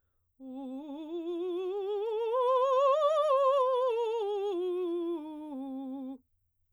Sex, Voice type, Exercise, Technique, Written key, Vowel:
female, soprano, scales, vibrato, , u